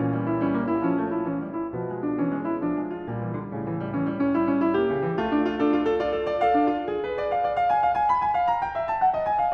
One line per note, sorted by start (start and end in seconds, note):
0.00 1.75 A#2
0.00 0.43 E3
0.00 0.15 C#4
0.15 0.28 G3
0.28 0.43 E4
0.43 0.85 G3
0.43 0.60 C#4
0.60 0.74 A#3
0.74 0.85 E4
0.85 1.28 F3
0.85 0.99 C#4
0.99 1.11 A3
1.11 1.28 E4
1.28 1.75 E3
1.28 1.40 C#4
1.40 1.54 G3
1.54 1.75 E4
1.75 3.07 B2
1.75 2.18 F3
1.75 1.92 B3
1.92 2.05 G#3
2.05 2.18 D4
2.18 2.60 E3
2.18 2.33 C#4
2.33 2.47 G#3
2.47 2.60 E4
2.60 3.22 F3
2.60 2.79 D4
2.79 2.93 G#3
2.93 3.07 F4
3.07 3.52 A#2
3.07 3.67 G3
3.22 3.37 E3
3.37 3.52 D3
3.52 4.76 A2
3.52 3.92 C#3
3.67 3.78 E3
3.78 3.92 G3
3.92 4.32 E3
3.92 4.05 C#4
4.05 4.16 G3
4.16 4.32 C#4
4.32 4.76 G3
4.32 4.45 E4
4.45 4.60 C#4
4.60 4.76 E4
4.76 5.19 A#3
4.76 5.19 G4
4.88 5.04 C#3
5.04 5.19 E3
5.19 6.56 A3
5.19 5.29 F4
5.29 5.41 D4
5.41 5.54 F4
5.54 5.97 D4
5.54 5.68 A4
5.68 5.79 F4
5.79 5.97 A4
5.97 6.47 F4
5.97 6.15 D5
6.15 6.27 A4
6.27 6.47 D5
6.47 6.88 A4
6.47 7.04 F5
6.61 6.76 D4
6.76 6.88 F4
6.88 7.36 G#4
7.04 7.17 B4
7.17 7.35 D5
7.35 7.48 F5
7.48 7.60 D5
7.60 7.73 F5
7.73 7.83 G#5
7.83 7.95 F5
7.95 8.13 G#5
8.13 8.24 B5
8.24 8.38 G#5
8.38 8.52 F5
8.52 8.64 A#5
8.64 8.78 G5
8.78 8.90 E5
8.90 9.01 A5
9.01 9.16 F#5
9.16 9.30 D#5
9.30 9.43 G#5
9.43 9.54 F5